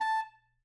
<region> pitch_keycenter=81 lokey=81 hikey=82 volume=20.414745 lovel=0 hivel=83 ampeg_attack=0.004000 ampeg_release=1.500000 sample=Aerophones/Reed Aerophones/Tenor Saxophone/Staccato/Tenor_Staccato_Main_A4_vl1_rr5.wav